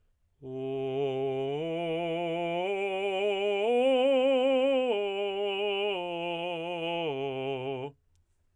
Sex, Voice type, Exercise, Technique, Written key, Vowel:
male, tenor, arpeggios, slow/legato forte, C major, o